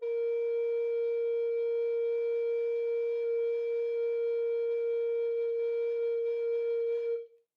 <region> pitch_keycenter=70 lokey=70 hikey=71 volume=8.180374 ampeg_attack=0.004000 ampeg_release=0.300000 sample=Aerophones/Edge-blown Aerophones/Baroque Tenor Recorder/Sustain/TenRecorder_Sus_A#3_rr1_Main.wav